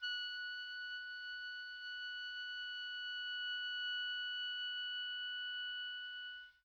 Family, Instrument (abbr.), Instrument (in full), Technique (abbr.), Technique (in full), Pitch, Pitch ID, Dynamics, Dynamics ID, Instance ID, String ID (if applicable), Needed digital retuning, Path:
Winds, Ob, Oboe, ord, ordinario, F#6, 90, pp, 0, 0, , FALSE, Winds/Oboe/ordinario/Ob-ord-F#6-pp-N-N.wav